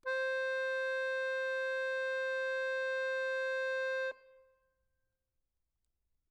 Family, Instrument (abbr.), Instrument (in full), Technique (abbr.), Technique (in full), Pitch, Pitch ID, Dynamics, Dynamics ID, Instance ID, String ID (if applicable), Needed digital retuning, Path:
Keyboards, Acc, Accordion, ord, ordinario, C5, 72, mf, 2, 4, , FALSE, Keyboards/Accordion/ordinario/Acc-ord-C5-mf-alt4-N.wav